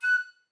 <region> pitch_keycenter=90 lokey=90 hikey=90 tune=-6 volume=12.382358 offset=219 ampeg_attack=0.005 ampeg_release=10.000000 sample=Aerophones/Edge-blown Aerophones/Baroque Soprano Recorder/Staccato/SopRecorder_Stac_F#5_rr1_Main.wav